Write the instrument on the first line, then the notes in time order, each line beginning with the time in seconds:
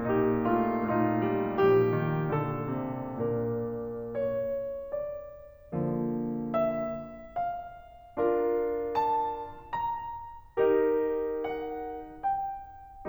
piano
0.01 A#2 A#3 D#4 G4
0.38 A3 F4
0.82 A#2 A3 D#4 F4
1.22 G3
1.56 A#2 F3 G4
1.90 D#3
2.29 A#2 D3 A4
2.79 C3
3.21 A#2 D4 A#4
4.13 C#5
4.93 D5
5.74 D3 F3 A#3
6.52 E5
7.11 F5
8.19 D4 F4 A#4
9.00 A5
9.73 A#5
10.64 D#4 G4 A#4
11.45 F#5
12.20 G5